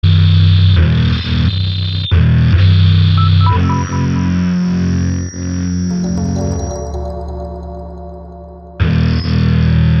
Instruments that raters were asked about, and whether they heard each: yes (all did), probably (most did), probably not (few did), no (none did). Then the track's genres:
bass: probably not
mandolin: no
Electronic; Ambient